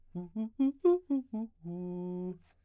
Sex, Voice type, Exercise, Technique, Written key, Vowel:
male, baritone, arpeggios, fast/articulated piano, F major, u